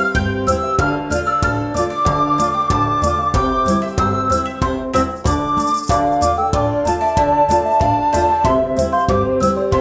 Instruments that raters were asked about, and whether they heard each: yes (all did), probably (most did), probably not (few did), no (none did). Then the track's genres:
flute: probably
Soundtrack; Ambient Electronic; Unclassifiable